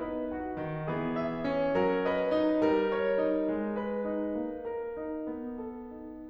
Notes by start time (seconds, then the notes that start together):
0.00 B3 D#4 B4 D#5
0.34 F#4 F#5
0.59 D#3
0.92 E3 G#4
1.16 E5
1.40 C#4
1.75 F#3 A#4
2.03 B4 D#5
2.26 D#4
2.61 G3 A#4
2.91 C#5
3.15 D#4
3.44 G#3
3.72 B4
4.03 D#4
4.39 A#3
4.74 A#4
4.98 D#4
5.25 B3
5.60 A4
5.98 D#4